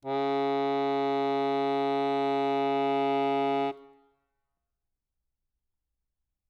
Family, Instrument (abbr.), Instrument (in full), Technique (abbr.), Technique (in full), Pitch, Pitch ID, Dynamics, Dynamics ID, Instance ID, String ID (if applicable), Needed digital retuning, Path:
Keyboards, Acc, Accordion, ord, ordinario, C#3, 49, ff, 4, 1, , FALSE, Keyboards/Accordion/ordinario/Acc-ord-C#3-ff-alt1-N.wav